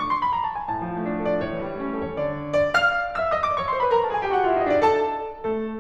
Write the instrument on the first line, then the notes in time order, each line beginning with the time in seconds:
piano
0.00 C#6
0.12 C6
0.22 B5
0.31 A#5
0.43 A5
0.57 G#5
0.72 A2 A5
0.91 F3
1.00 A3
1.06 D4
1.23 A4
1.35 D5
1.44 A2 C#5
1.57 E3
1.67 G3
1.78 A3 C#4
1.93 A4
2.09 C#5
2.29 D3 D5
2.54 D5
2.60 F5 F6
3.23 E5 E6
3.32 D#5 D#6
3.45 D5 D6
3.58 C#5 C#6
3.69 C5 C6
3.80 B4 B5
3.90 A#4 A#5
4.04 A4 A5
4.16 G#4 G#5
4.26 G4 G5
4.35 F#4 F#5
4.49 F4 F5
4.59 E4 E5
4.67 D#4 D#5
4.75 D4 D5
4.83 A4 A5
5.45 A3 A4